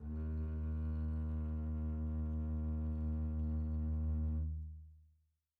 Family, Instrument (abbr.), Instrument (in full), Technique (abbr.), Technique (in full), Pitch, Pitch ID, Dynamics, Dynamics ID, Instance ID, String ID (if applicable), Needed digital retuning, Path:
Strings, Cb, Contrabass, ord, ordinario, D#2, 39, pp, 0, 3, 4, FALSE, Strings/Contrabass/ordinario/Cb-ord-D#2-pp-4c-N.wav